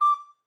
<region> pitch_keycenter=86 lokey=86 hikey=87 tune=-3 volume=8.572414 offset=152 ampeg_attack=0.005 ampeg_release=10.000000 sample=Aerophones/Edge-blown Aerophones/Baroque Soprano Recorder/Staccato/SopRecorder_Stac_D5_rr1_Main.wav